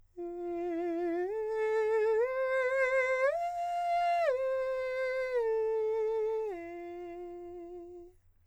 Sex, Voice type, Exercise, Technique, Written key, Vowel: male, countertenor, arpeggios, slow/legato piano, F major, e